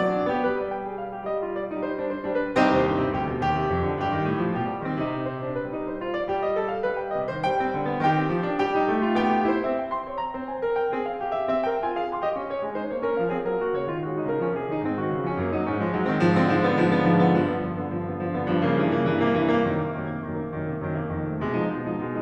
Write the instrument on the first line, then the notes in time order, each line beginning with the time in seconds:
piano
0.01 F#3 D5 D6
0.13 D4
0.26 B3 G4
0.44 G3 B4
0.64 D5
0.76 G5
0.89 G#4
0.99 F5
1.10 G3 G4
1.19 D#5
1.34 F4
1.53 D5
1.68 G3 D#4
1.78 C5
1.86 D4
2.00 C5
2.12 G3 D4
2.36 B4
2.58 C2 C4 D#4 G4 C5
2.72 D#2
2.87 G2
3.01 C3
3.13 D2 G4
3.30 B2
3.43 D#2 G4
3.56 C3
3.74 F2
3.86 D3
4.00 G2 G4
4.13 D#3
4.28 A2
4.46 F3
4.57 B2 G4
4.71 G3
4.86 D#3 C4
5.01 C3 D#4
5.13 G4
5.32 C5
5.46 G3 D4
5.57 B4
5.67 G3 D#4
5.81 C5
6.00 F4
6.17 D5
6.34 G3 G4
6.48 D#5
6.62 A4
6.73 F5
6.88 G3 B4
7.05 G5
7.18 C3 D#5
7.31 D#3 C5
7.42 G3 G5
7.62 C4
7.77 D3
7.95 B3
8.06 D#3 G4 G5
8.19 C4
8.33 F3
8.43 D4
8.64 G3 G4 G5
8.76 D#4
8.92 A3
9.06 F4
9.15 B3 G5
9.27 G4
9.47 F4 C5
9.63 C4 E5
9.80 G5
9.93 C6
10.05 C#5
10.21 A#5
10.36 C4 C5
10.50 G#5
10.64 A#4
10.78 G5
10.93 C4 G#4
11.06 F5
11.15 G4
11.34 E5
11.48 C4 E5
11.66 A#4 G5
11.86 F4 G#5
12.00 G#4 F5
12.14 C4 C6
12.24 G4 D#5
12.34 C#4 F5
12.49 F4 C#5
12.59 G#3 G#5
12.78 D#4 C5
12.93 A#3 C#5
13.06 C#4 A#4
13.18 F3 F5
13.31 C4 G#4
13.42 F#3 A#4
13.62 A#3 F#4
13.78 C#3 C#5
13.88 G#3 F4
13.97 D#3 F#4
14.09 F#3 D#4
14.20 C#3 A#4
14.43 F3 A#3
14.53 C3 G#4
14.72 D#3 D#4
14.81 G#2 C4
15.03 D#3 F#4
15.12 C#3 F4
15.26 F3 C#4
15.41 F#2 A#3
15.55 F#3 D#4
15.67 G#2 C#4
15.78 F3 G#3
15.92 G#2 F#3
16.06 D#3 C4
16.21 G#2 F3
16.34 D3 C4
16.46 G#2 F3
16.55 D3 B3
16.65 G#2 F3
16.79 D3 B3
16.92 G#2 F3
17.04 D3 B3
17.13 G2 F3
17.25 D3 B3
17.39 G2 F3
17.50 D3 B3
17.63 G2 F3
17.79 D3 B3
17.91 G2 F3
18.13 D3 B3
18.22 G2 F3
18.69 C#3 A#3
18.81 G2 E3
18.95 C3 A#3
19.09 G2 E3
19.20 C3 A#3
19.34 G2 E3
19.51 C3 A#3
19.64 F#2 D#3
19.87 C3 A#3
19.97 F#2 D#3
20.10 C3 A#3
20.27 F#2 D#3
20.40 C3 A#3
20.51 F#2 D#3
20.63 C3 A#3
20.75 F#2 D#3
20.89 C3 A#3
21.11 F2 D#3
21.29 C3 A3
21.40 B2 G#3
21.53 F3 D#4
21.73 B2 G#3
21.82 F3 D#4
21.96 B2 G#3
22.13 F3 D#4